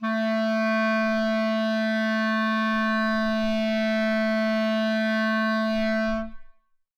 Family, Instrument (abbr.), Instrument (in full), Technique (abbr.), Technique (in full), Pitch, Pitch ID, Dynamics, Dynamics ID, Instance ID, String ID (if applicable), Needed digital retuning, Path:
Winds, ClBb, Clarinet in Bb, ord, ordinario, A3, 57, ff, 4, 0, , TRUE, Winds/Clarinet_Bb/ordinario/ClBb-ord-A3-ff-N-T22u.wav